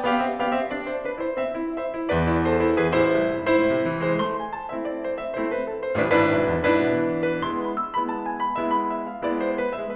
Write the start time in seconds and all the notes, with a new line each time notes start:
0.00 B3 G4 D5 F5
0.10 C4 E5
0.31 B3 G4 D5 F5
0.42 C4 E5
0.58 B3 G4 D5 F5
0.68 C4 E5
0.88 D4 D5
0.98 E4 C5
1.18 D4 B4
1.29 E4 C5
1.46 C4 E5
1.58 E4
1.79 C5 E5
1.89 E4
2.08 E2 B4 D5
2.28 E4
2.48 A4 C5
2.59 E4
2.79 E2 G#4 B4
2.89 A1 E4 C5
3.18 C2
3.29 E2
3.48 G#2 E4 C5
3.61 A2
3.80 C3
3.88 E3
4.11 G#3 E4 C5
4.23 A3 C6
4.42 G#5
4.54 A5
4.71 A3 C4 E4 E5
4.79 D5
4.97 C5
5.06 E5
5.22 A3 C4 E4 C5
5.28 B4
5.45 A4
5.53 C5
5.63 A3 C4 E4 A4
5.71 B4
5.86 A4
5.94 C5
6.11 A1 A2 D4 F4 B4
6.19 G1 D4 E4 B4
6.40 B1
6.49 E2
6.69 G#2 D4 E4 B4
6.78 B2
7.00 E3
7.11 G#3
7.31 A3 D4 E4 B4
7.43 G#3 B3 E4 C6
7.65 B5
7.77 E6
7.98 G#3 B3 E4 B5
8.06 A5
8.27 G#5
8.37 B5
8.57 G#3 B3 E4 E5
8.66 B5
8.90 E5
9.00 F5
9.28 G#3 B3 E4 D5
9.40 C5
9.60 B4
9.73 E5